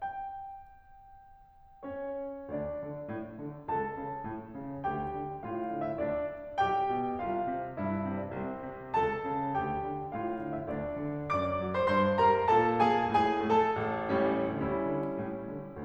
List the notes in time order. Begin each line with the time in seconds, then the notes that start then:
0.00 G5
1.82 C#4 C#5
2.52 D2 D4 D5
2.84 D3
3.09 A2
3.39 D3
3.70 C#2 A4 A5
3.97 C#3
4.25 A2
4.55 C#3
4.84 D2 G4 G5
5.15 D3
5.47 A2 F4 F5
5.67 D3
5.84 E4 E5
5.97 D2 D4 D5
6.27 D3
6.61 B1 G4 G5
6.93 B2
7.21 C2 F4 F5
7.50 C3
7.80 G2 E4 E5
8.13 C3
8.24 D4 D5
8.39 C2 C4 C5
8.71 C3
8.94 C#2 A4 A5
9.30 C#3
9.58 D2 G4 G5
9.88 D3
10.12 A2 F4 F5
10.36 D3
10.51 E4 E5
10.67 D2 D4 D5
11.02 D3
11.31 F#2 D5 D6
11.61 F#3
11.73 C5 C6
11.89 G2 C5 C6
12.20 G3 A#4 A#5
12.53 A#2 A4 A5
12.85 A#3 G#4 G#5
13.17 A2 G#4 G#5
13.47 A3 A4 A5
13.76 A1
14.11 A2 G3 C#4
14.49 D2 G3 C#4 E4
14.81 D3
15.17 A2
15.51 D3